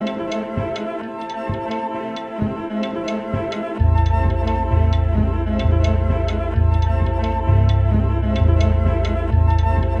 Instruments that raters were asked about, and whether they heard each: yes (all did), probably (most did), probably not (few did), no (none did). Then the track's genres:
cello: probably not
Experimental; Sound Collage; Trip-Hop